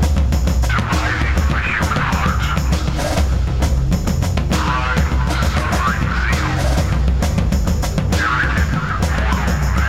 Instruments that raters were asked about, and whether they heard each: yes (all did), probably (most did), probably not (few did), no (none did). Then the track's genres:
clarinet: no
cymbals: probably
drums: yes
Rock; Experimental